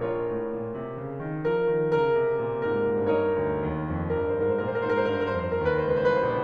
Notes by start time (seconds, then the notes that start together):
0.00 A#1 F4 A#4 C#5
0.36 A2
0.62 A#2
0.84 C3
1.07 C#3
1.34 D#3
1.53 F3 A#4
1.75 D#3
1.95 C#3 A#4
2.22 C3
2.52 A#2
2.81 G#2 A#4
3.19 G2 D#4 A#4 C#5
3.40 D2
3.63 D#2
3.95 F2
4.20 G2 A#4
4.30 C5
4.40 A#4
4.48 G#2 C5
4.54 A#4
4.61 C5
4.69 A#2 A#4
4.78 C5
4.84 A#4
4.92 G#2 C5
4.98 A#4
5.06 C5
5.13 G2 A#4
5.21 C5
5.32 A#4
5.40 F2 C5
5.48 A#4
5.56 C5
5.64 D#2 B4
5.81 C5
5.87 C#2
5.92 B4
6.05 C2 C5
6.21 B4
6.27 A#1
6.33 C5